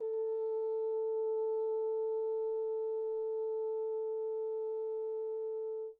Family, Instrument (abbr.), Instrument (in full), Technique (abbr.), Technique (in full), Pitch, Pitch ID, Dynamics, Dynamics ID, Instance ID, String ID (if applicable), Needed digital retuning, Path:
Brass, Hn, French Horn, ord, ordinario, A4, 69, pp, 0, 0, , FALSE, Brass/Horn/ordinario/Hn-ord-A4-pp-N-N.wav